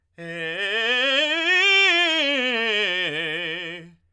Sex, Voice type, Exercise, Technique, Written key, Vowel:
male, tenor, scales, fast/articulated forte, F major, e